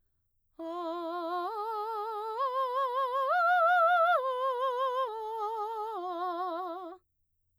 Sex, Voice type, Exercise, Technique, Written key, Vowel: female, mezzo-soprano, arpeggios, slow/legato piano, F major, a